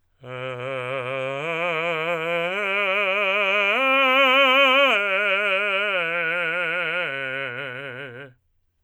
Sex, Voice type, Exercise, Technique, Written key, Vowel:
male, tenor, arpeggios, vibrato, , e